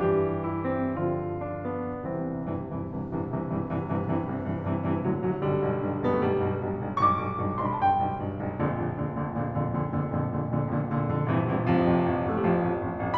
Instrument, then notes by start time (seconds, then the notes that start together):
piano
0.00 G2 E3 G3 G4
0.44 E4
0.75 C4
0.96 D3 F3 F4
1.39 D4
1.68 B3
1.92 C2 C3 E3 C4
2.14 C2 G2 C3 E3
2.40 C2 G2 C3 E3
2.64 C2 G2 C3 E3
2.84 C2 G2 C3 E3
3.03 C2 G2 C3 E3
3.29 C2 G2 C3 E3
3.47 C2 G2 C3 E3
3.62 C2 G2 C3 E3
3.84 C2 G2 C3 E3
4.08 C2 G2 C3 E3
4.32 C2 G2 C3 E3
4.54 C2 G2 C3 E3
4.74 C2 G2 C3 E3
4.96 C2 A2 D3 F#3
5.15 C2 A2 D3 F#3
5.34 B1 G2 D3 G3
5.53 B1 G2
5.77 B1 G2
5.97 B1 G2 B3
6.08 A3
6.22 B1 G2 G3
6.42 B1 G2
6.63 B1 G2
6.83 B1 G2
7.04 B1 G2 C#6
7.13 D6
7.22 B1 G2
7.42 B1 G2
7.53 C6
7.63 B1 G2 B5
7.72 A5
7.83 B1 G2 G5
7.99 B1 G2
8.16 B1 G2
8.39 B1 G2
8.60 A#1 F2 A#2 D3
8.78 A#1 F2 A#2 D3
9.00 A#1 F2 A#2 D3
9.22 A#1 F2 A#2 D3
9.44 A#1 F2 A#2 D3
9.62 A#1 F2 A#2 D3
9.81 A#1 F2 A#2 D3
10.01 A#1 F2 A#2 D3
10.21 A#1 F2 A#2 D3
10.41 A#1 F2 A#2 D3
10.59 A#1 F2 A#2 D3
10.79 A#1 F2 A#2 D3
10.95 A#1 F2 A#2 D3
11.10 A#1 F2 A#2 D3
11.27 A#1 G2 C3 E3
11.48 A#1 G2 C3 E3
11.67 A1 F2 C3 F3
11.88 A1 F2
12.06 A1 F2
12.25 A1 F2 A3
12.34 G3
12.47 A1 F2 F3
12.57 A1 F2
12.76 A1 F2
12.97 A1 F2